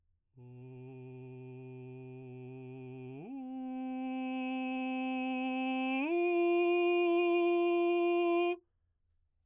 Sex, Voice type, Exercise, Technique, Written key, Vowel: male, baritone, long tones, straight tone, , u